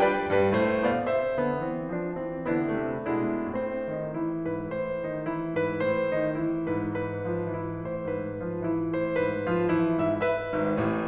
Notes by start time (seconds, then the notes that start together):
0.01 G3 D4 F4 B4 D5 G5
0.35 G2 G3 B4
0.55 A2 A3 C5
0.87 B2 B3 D5 F5
1.06 C3 C4 G4 E5
1.38 D3 B3
1.58 E3 C4
1.96 F3 D4
2.15 E3 C4
2.51 D3 B3 E4
2.73 C3 A3
3.11 B2 G#3 D4 E4
3.46 A2 C4 C5
4.02 D#3 D#4
4.17 E3 E4
4.55 G#2 B4
4.71 A2 C5
5.07 D#3 D#4
5.21 E3 E4
5.58 G#2 B4
5.82 A2 C5
6.14 D#3 D#4
6.30 E3 E4
6.68 G#2 B4
6.88 G#2 B4
7.28 F3 F4
7.50 E3 E4
7.87 A2 C5
8.07 G#2 B4
8.44 F3 F4
8.59 E3 E4
8.95 A2 C5
9.14 G#2 B4
9.50 F3 F4
9.65 E3 E4
10.00 A2 E5
10.17 B4 E5
10.51 G#1 G#2